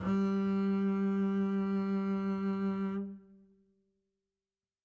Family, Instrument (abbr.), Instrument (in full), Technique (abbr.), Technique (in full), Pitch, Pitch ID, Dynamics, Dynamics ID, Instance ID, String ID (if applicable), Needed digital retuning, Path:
Strings, Cb, Contrabass, ord, ordinario, G3, 55, mf, 2, 2, 3, FALSE, Strings/Contrabass/ordinario/Cb-ord-G3-mf-3c-N.wav